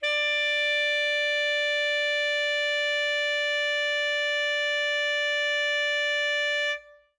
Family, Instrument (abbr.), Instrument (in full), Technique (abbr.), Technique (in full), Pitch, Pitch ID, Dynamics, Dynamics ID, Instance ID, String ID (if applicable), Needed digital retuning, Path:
Winds, ASax, Alto Saxophone, ord, ordinario, D5, 74, ff, 4, 0, , FALSE, Winds/Sax_Alto/ordinario/ASax-ord-D5-ff-N-N.wav